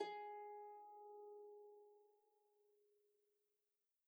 <region> pitch_keycenter=68 lokey=68 hikey=69 tune=-3 volume=29.805447 xfout_lovel=70 xfout_hivel=100 ampeg_attack=0.004000 ampeg_release=30.000000 sample=Chordophones/Composite Chordophones/Folk Harp/Harp_Normal_G#3_v2_RR1.wav